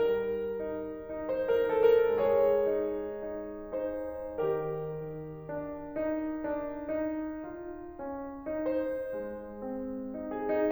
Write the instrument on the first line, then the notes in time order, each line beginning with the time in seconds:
piano
0.00 G3 A#4
0.65 D#4
1.24 D#4 C5
1.47 A#4
1.76 D#4 A4
1.97 A#4
2.16 G#3 G#4 C#5
2.69 D#4
3.05 D#4
3.72 D#4 C5
4.41 D#3 G4 A#4
5.06 D#4
5.42 D4
5.99 D#4
6.47 D4
6.91 D#4
7.53 F4
7.99 C#4
8.48 D#4
8.66 C5
9.18 G#3
9.65 C4
10.16 D#4
10.39 G#4